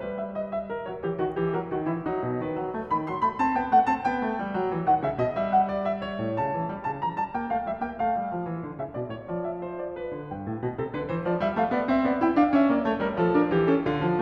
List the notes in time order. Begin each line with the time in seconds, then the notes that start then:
0.00 G3 B4
0.17 E5
0.35 D#5
0.55 E5
0.68 A#4
0.88 F#3 C#5
1.01 E3 G4
1.18 D#3 F#4
1.37 E3 G4
1.53 F#3 A4
1.74 D#3 F#4
1.83 E3 E4
2.02 F#3 D#4
2.22 B2
2.40 D#3 B4
2.55 F#3
2.74 A3
2.95 D#3 B5
3.10 F#3 C6
3.24 A3 B5
3.40 C4 A5
3.55 B3 G5
3.74 A3 F#5
3.89 C4 A5
4.09 B3 G5
4.28 A3
4.42 G3
4.53 F#3
4.70 E3
4.85 D#3 F#5
5.03 C#3 E5
5.21 B2 D#5
5.35 G3 E5
5.53 F#5
5.69 D5
5.85 E5
6.01 C#5
6.20 A2
6.39 C#3 A5
6.55 E3
6.70 G3
6.87 C#3 A5
7.01 E3 A#5
7.16 G3 A5
7.35 A#3 G5
7.55 A3 F5
7.67 G3 E5
7.84 A#3 G5
7.99 A3 F5
8.17 G3
8.36 F3
8.45 E3
8.63 D3
8.79 C#3 E5
8.96 B2 D5
9.13 A2 C#5
9.28 F3 D5
9.47 E5
9.67 C5
9.85 D5
9.96 B4
10.14 D3
10.33 G2 G5
10.47 A2
10.63 B2
10.73 C3 A4
10.92 D3 B4
11.08 E3 C5
11.23 F3 D5
11.37 G3 E5
11.54 A3 F5
11.74 B3 D5
11.89 C4 E5
12.02 B3 D5
12.23 E4 G5
12.35 D4 F5
12.54 C#4 E5
12.72 A#3 D5
12.84 A3 C#5
13.01 G3 A#4
13.14 F3 A4
13.35 D4 A#4
13.54 E3 G4
13.70 C#4 A4
13.85 D3 F4
14.01 F3